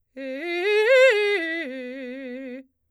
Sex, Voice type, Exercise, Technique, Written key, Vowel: female, soprano, arpeggios, fast/articulated forte, C major, e